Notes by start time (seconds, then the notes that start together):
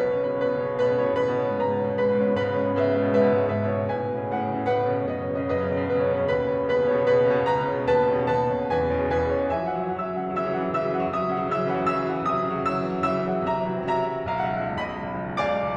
0.00 B1 B2 B4
0.09 C#3 C#5
0.16 B2 B4
0.24 C#3 C#5
0.30 A2 B2 B4 B5
0.52 C#3 C#5
0.59 B2 B4
0.72 C#3 C#5
0.80 A2 B2 B4 B5
0.87 C#3 C#5
0.96 B2 B4
1.08 C#3 C#5
1.17 G#2 B2 B4 B5
1.25 C#3 C#5
1.35 B2 B4
1.52 C#3 C#5
1.58 G#2 B2 B4 A#5
1.71 C#3 C#5
1.85 B2 B4
1.93 C#3 C#5
2.01 G#2 B2 B4 B5
2.18 C#3 C#5
2.25 B2 B4
2.33 C#3 C#5
2.43 G#2 B2 B4 B5
2.54 C#3 C#5
2.64 B2 B4
2.69 C#3 C#5
2.76 G#2 B2 B4 E5
2.91 C#3 C#5
2.98 B2 B4
3.05 C#3 C#5
3.12 G#2 B2 B4 E5
3.19 C#3 C#5
3.27 B2 B4
3.33 C#3 C#5
3.44 G#2 B2 B4 E5
3.59 C#3 C#5
3.68 B2 B4
3.74 C#3 C#5
3.82 A2 B2 B4 G#5
3.91 C#3 C#5
4.06 B2 B4
4.13 C#3 C#5
4.26 A2 B2 B4 F#5
4.38 C#3 C#5
4.46 B2 B4
4.56 C#3 C#5
4.64 A2 B2 B4 F#5
4.74 C#3 C#5
4.79 B2 B4
4.97 C#3 C#5
5.07 F#2 B2 B4 D#5
5.19 C#3 C#5
5.25 B2 B4
5.35 C#3 C#5
5.42 F#2 B2 B4 D#5
5.55 C#3 C#5
5.69 B2 B4
5.79 C#3 C#5
5.89 F#2 B2 B4 D#5
6.03 C#3 C#5
6.08 B2 B4
6.20 C#3 C#5
6.32 D#2 B2 B4 B5
6.40 C#3 C#5
6.47 B2 B4
6.61 C#3 C#5
6.77 D#2 B2 B4 B5
6.90 C#3 C#5
6.95 B2 B4
7.05 C#3 C#5
7.12 D#2 B2 B4 B5
7.21 C#3 C#5
7.27 B2 B4
7.34 C#3 C#5
7.41 C#2 B2 B4 A#5
7.55 C#3 C#5
7.69 B2 B4
7.83 C#3 C#5
7.99 D#2 B2 B4 A5
8.13 C#3 C#5
8.19 B2 B4
8.24 C#3 C#5
8.32 D#2 B2 B4 A5
8.38 C#3 C#5
8.46 B2 B4
8.54 C#3 C#5
8.74 E2 B2 B4 G#5
8.81 C#3 C#5
8.89 B2 B4
8.97 C#3 C#5
9.13 E2 B2 B4 G#5
9.20 C#3 C#5
9.32 B2 B4
9.38 C#3 C#5
9.49 E3 E5 G#5
9.61 F#3 F#5
9.69 E3 E5
9.78 F#3 F#5
10.04 C#3 E3 E5 E6
10.11 F#3 F#5
10.23 E3 E5
10.33 F#3 F#5
10.40 C#3 E3 E5 E6
10.48 F#3 F#5
10.57 E3 E5
10.63 F#3 F#5
10.70 C#3 E3 E5 E6
10.84 F#3 F#5
10.95 E3 E5
11.05 F#3 F#5
11.22 C3 E3 E5 D#6
11.30 F#3 F#5
11.38 E3 E5
11.48 F#3 F#5
11.54 C#3 E3 E5 E6
11.61 F#3 F#5
11.69 E3 E5
11.78 F#3 F#5
11.84 C#3 E3 E5 E6
11.95 F#3 F#5
12.07 E3 E5
12.18 F#3 F#5
12.26 C3 E3 E5 D#6
12.46 F#3 F#5
12.56 E3 E5
12.67 F#3 F#5
12.72 C#3 E3 E5 E6
12.81 F#3 F#5
12.90 E3 E5
13.05 F#3 F#5
13.12 C#3 E3 E5 E6
13.26 F#3 F#5
13.33 E3 E5
13.41 F#3 F#5
13.49 C3 E3 E5 A#5
13.61 F#3 F#5
13.69 E3 E5
13.77 F#3 F#5
13.91 C3 E3 E5 A#5
14.00 F#3 F#5
14.09 E3 E5
14.19 F#3 F#5
14.28 B1 E5 A#5
14.42 C#2 F#5
14.49 B1 E5
14.71 C#2 F#5
14.78 B1 D#5 B5
15.05 C#2 E5
15.12 B1 D#5
15.20 C#2
15.29 B1 D5 F5 G#5 D6
15.41 C#2
15.58 B1
15.70 C#2